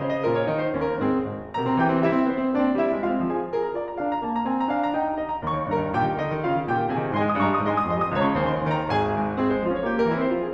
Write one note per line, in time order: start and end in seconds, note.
0.00 0.24 C#3
0.00 0.10 F4
0.00 0.10 C5
0.15 0.24 D#5
0.24 0.55 A#2
0.24 0.36 F4
0.24 0.36 A#4
0.36 0.55 C#5
0.56 0.78 D#3
0.56 0.66 D#4
0.56 0.66 G#4
0.66 0.78 C5
0.78 1.02 D#2
0.78 0.87 C#4
0.78 0.87 G4
0.87 1.02 A#4
1.02 1.32 G#2
1.02 1.32 C4
1.02 1.32 G#4
1.32 1.53 G#1
1.54 1.64 C3
1.54 1.75 A#4
1.54 1.75 A#5
1.64 1.75 C4
1.76 1.92 E3
1.76 2.02 G4
1.76 2.02 G5
1.92 2.02 C4
2.02 2.10 G3
2.02 2.22 E4
2.02 2.22 E5
2.11 2.22 C4
2.22 2.36 B3
2.22 2.57 C5
2.39 2.57 C4
2.57 2.65 A#3
2.57 2.75 D4
2.57 2.75 D5
2.65 2.75 C4
2.76 2.91 G3
2.76 3.10 E4
2.76 3.10 E5
2.91 3.10 C4
3.10 3.18 G#3
3.10 3.30 F4
3.10 3.30 F5
3.19 3.30 C4
3.30 3.39 F3
3.30 3.49 G#4
3.30 3.49 G#5
3.40 3.49 C4
3.49 3.75 G#4
3.49 3.65 C5
3.65 3.75 A#5
3.76 3.99 F4
3.76 3.89 D5
3.89 3.99 A#5
4.01 4.21 D4
4.01 4.09 F5
4.09 4.21 A#5
4.21 4.45 A#3
4.21 4.37 A5
4.38 4.45 A#5
4.45 4.68 C4
4.45 4.55 G#5
4.55 4.68 A#5
4.70 4.95 D4
4.70 4.84 F5
4.84 4.95 A#5
4.96 5.22 D#4
4.96 5.09 G5
5.09 5.22 A#5
5.22 5.43 G4
5.22 5.33 D#5
5.34 5.43 A#5
5.43 5.53 D#2
5.43 5.70 C#5
5.43 5.70 C#6
5.54 5.70 D#3
5.70 5.85 G2
5.70 5.98 A#4
5.70 5.98 A#5
5.85 5.98 D#3
5.99 6.08 A#2
5.99 6.19 G4
5.99 6.19 G5
6.08 6.19 D#3
6.19 6.30 D3
6.19 6.41 D#4
6.19 6.41 D#5
6.30 6.41 D#3
6.41 6.50 C#3
6.41 6.65 F4
6.41 6.65 F5
6.51 6.65 D#3
6.65 6.79 A#2
6.65 6.90 G4
6.65 6.90 G5
6.79 6.90 D#3
6.91 7.04 C3
6.91 7.16 G#4
6.91 7.16 G#5
7.04 7.16 D#3
7.19 7.33 G#2
7.19 7.33 D#5
7.19 7.33 G#5
7.19 7.33 C6
7.33 7.47 G#3
7.33 7.47 D#6
7.47 7.57 G2
7.47 7.57 D#5
7.47 7.57 G#5
7.47 7.57 C6
7.58 7.69 G3
7.58 7.69 D#6
7.69 7.79 G#2
7.69 7.79 D#5
7.69 7.79 G#5
7.69 7.79 C6
7.80 7.92 G#3
7.80 7.92 D#6
7.92 8.03 F2
7.92 8.03 D#5
7.92 8.03 C6
8.03 8.14 F3
8.03 8.14 D#6
8.15 8.28 C#2
8.15 8.28 C#5
8.15 8.28 A#5
8.28 8.38 C#3
8.28 8.38 C#6
8.38 8.46 D#2
8.38 8.46 C5
8.38 8.46 G#5
8.48 8.58 D#3
8.48 8.58 C6
8.58 8.67 D#2
8.58 8.67 A#4
8.58 8.67 G5
8.68 8.87 D#3
8.68 8.87 A#5
8.87 9.07 A#1
8.87 9.07 G#4
8.87 9.07 G#5
9.08 9.35 G#2
9.36 9.51 C4
9.36 9.51 G#4
9.51 9.62 G#3
9.51 9.62 C5
9.62 9.73 C#4
9.62 9.73 F4
9.74 9.82 F3
9.74 9.82 C#5
9.82 9.93 A#3
9.82 9.93 G4
9.93 10.03 G3
9.93 10.03 A#4
10.03 10.15 C4
10.03 10.15 E4
10.15 10.32 E3
10.15 10.32 C5
10.33 10.41 G#3
10.33 10.41 F4
10.41 10.54 F3
10.41 10.54 G#4